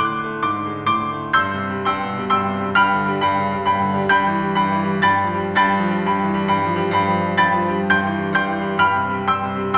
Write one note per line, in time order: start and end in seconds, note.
0.00 0.35 A2
0.00 0.49 C6
0.00 0.49 D6
0.00 1.36 F#6
0.23 0.45 D3
0.36 0.62 A3
0.50 0.70 G#2
0.50 0.81 C6
0.50 0.81 D6
0.63 0.81 D3
0.72 1.01 G#3
0.82 1.15 A2
0.82 1.36 C6
0.82 1.36 D6
1.03 1.36 D3
1.17 1.54 A3
1.38 1.74 G2
1.38 1.89 C6
1.38 1.89 E6
1.38 2.80 G6
1.59 1.86 C3
1.76 2.01 G3
1.90 2.16 G2
1.90 2.32 G5
1.90 2.32 C6
1.90 2.32 E6
2.07 2.29 B2
2.19 2.46 G3
2.33 2.60 G2
2.33 2.80 G5
2.33 2.80 C6
2.33 2.80 E6
2.48 2.71 C3
2.62 2.96 G3
2.81 3.10 G2
2.81 3.22 G5
2.81 3.22 B5
2.81 4.08 F6
2.96 3.23 D3
3.12 3.40 G3
3.24 3.49 G2
3.24 3.66 G5
3.24 3.66 B5
3.41 3.63 C#3
3.53 3.76 G3
3.67 3.91 G2
3.67 4.08 G5
3.67 4.08 B5
3.81 4.05 D3
3.97 4.23 G3
4.09 4.38 G2
4.09 4.53 G5
4.09 4.53 B5
4.09 5.06 G6
4.27 4.53 E3
4.40 4.66 G3
4.56 4.79 G2
4.56 5.06 G5
4.56 5.06 B5
4.68 5.05 E3
4.85 5.21 G3
5.07 5.40 G2
5.07 5.57 G5
5.07 5.57 B5
5.07 5.57 A6
5.22 5.58 F3
5.42 5.79 G3
5.58 5.91 G2
5.58 6.06 G5
5.58 6.06 B5
5.58 7.36 A6
5.80 6.07 F3
5.94 6.20 G3
6.07 6.30 G2
6.07 6.47 G5
6.07 6.47 B5
6.20 6.49 E3
6.33 6.66 G3
6.49 6.79 G2
6.49 6.91 G5
6.49 6.91 B5
6.69 6.91 F3
6.80 7.04 G3
6.92 7.16 G2
6.92 7.36 G5
6.92 7.36 B5
7.06 7.36 F3
7.21 7.51 G3
7.38 7.77 G2
7.38 7.95 G5
7.38 7.95 B5
7.38 7.95 A6
7.69 7.95 F3
7.84 8.12 G3
8.00 8.29 G2
8.00 8.44 G5
8.00 8.44 C6
8.00 8.44 G6
8.19 8.44 E3
8.32 8.59 G3
8.45 8.78 G2
8.45 8.90 G5
8.45 8.90 C6
8.45 8.90 G6
8.61 8.92 E3
8.80 9.04 G3
8.92 9.16 G2
8.92 9.28 G5
8.92 9.28 B5
8.92 9.28 F6
9.07 9.29 D3
9.17 9.46 G3
9.30 9.66 G2
9.30 9.78 G5
9.30 9.78 C6
9.30 9.78 E6
9.49 9.78 C3
9.66 9.79 G3